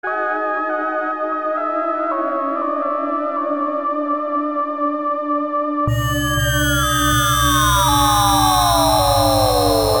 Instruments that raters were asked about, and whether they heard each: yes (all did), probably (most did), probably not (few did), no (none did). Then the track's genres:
trombone: no
clarinet: probably
trumpet: probably not
Experimental; Ambient; New Age